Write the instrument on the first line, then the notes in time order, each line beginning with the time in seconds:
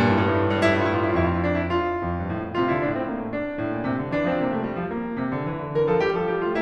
piano
0.00 G2 A#2
0.10 A2
0.22 G2
0.28 A2
0.38 G2
0.43 A2
0.49 G2
0.57 A2
0.64 G2 E4
0.72 A2 F4
0.77 G2 E4
0.85 A2 F4
0.94 G2 E4
1.00 A2 F4
1.06 G2 E4
1.14 A2 F4
1.20 F2 E4
1.28 F4
1.34 E4
1.43 F4
1.47 E4
1.54 F4
1.60 D4
1.72 E4
1.76 F4
2.01 F2
2.25 G2
2.37 A2
2.46 A#2
2.57 C3 F4
2.66 D3 E4
2.79 A2 D4
2.91 C4
3.05 A#3
3.17 A3
3.32 D4
3.60 A2
3.74 A#2
3.85 C3
4.02 D3
4.09 D4
4.13 E3
4.31 F3 C4
4.45 C3 A#3
4.56 A3
4.67 G3
4.76 F3
4.89 A#3
5.17 C3
5.28 D3
5.42 E3
5.63 D3
5.79 E3 A#4
5.91 F3 A4
6.04 G3 G4
6.18 F3 A4
6.32 G3 G4
6.50 A3 F4